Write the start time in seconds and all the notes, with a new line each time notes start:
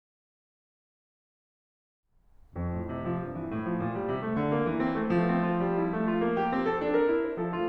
2.05 F2
2.61 A2
2.92 C3
3.09 F3
3.22 G2
3.38 E3
3.52 A2
3.66 F3
3.80 A#2
3.94 G3
4.05 C3
4.23 A3
4.41 D3
4.53 A#3
4.68 E3
4.89 C4
4.98 A3
5.18 F3 A3
5.28 C4
5.39 F4
5.55 G3
5.80 E4
5.97 A3
6.16 F4
6.27 A#3
6.41 G4
6.56 C4
6.66 A4
6.84 D4
6.95 A#4
7.13 E4
7.24 C5
7.35 F3 A4
7.53 A3 F4